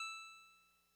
<region> pitch_keycenter=76 lokey=75 hikey=78 tune=-1 volume=25.374249 lovel=0 hivel=65 ampeg_attack=0.004000 ampeg_release=0.100000 sample=Electrophones/TX81Z/Clavisynth/Clavisynth_E4_vl1.wav